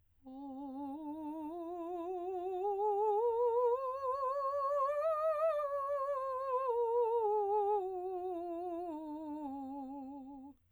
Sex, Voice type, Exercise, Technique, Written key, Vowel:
female, soprano, scales, slow/legato piano, C major, o